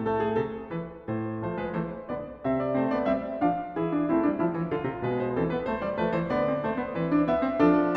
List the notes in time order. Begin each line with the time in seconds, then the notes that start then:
0.00 A4
0.21 G#4
0.35 C3 A4
0.71 E3 B4
1.08 A2 C5
1.43 F3 A3 C5
1.61 G#3 B4
1.78 E3 A3 C5
2.10 D3 B3 D5
2.44 C3 C4 E5
2.62 D5
2.79 A3 C4 C5
2.93 B3 D5
3.08 G3 C4 E5
3.39 F3 D4 F5
3.74 E3 E4 G#4
3.91 D4
4.06 A3 C4 E4
4.19 G3 D4
4.38 F3 E4
4.52 E3
4.69 D3 F4 A4
4.84 C3
5.02 B2 G#3 B4
5.20 C5
5.36 E3 C4 A4
5.51 B3 B4
5.68 A3 C5
5.83 G3 D5
5.98 F3 A3 B4
6.12 E3 C5
6.29 D3 B3 D5
6.46 C4
6.62 A3 C5
6.78 B3
6.95 E3 C4 B4
7.13 D4
7.28 B3 E5
7.44 C4
7.60 F3 D4 A4